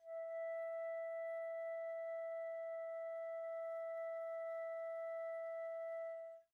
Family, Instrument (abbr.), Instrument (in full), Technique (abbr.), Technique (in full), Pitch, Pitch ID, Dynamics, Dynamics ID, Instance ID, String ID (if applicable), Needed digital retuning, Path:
Winds, Fl, Flute, ord, ordinario, E5, 76, pp, 0, 0, , TRUE, Winds/Flute/ordinario/Fl-ord-E5-pp-N-T13u.wav